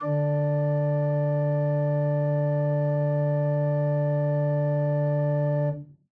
<region> pitch_keycenter=50 lokey=50 hikey=51 volume=8.393714 ampeg_attack=0.004000 ampeg_release=0.300000 amp_veltrack=0 sample=Aerophones/Edge-blown Aerophones/Renaissance Organ/Full/RenOrgan_Full_Room_D2_rr1.wav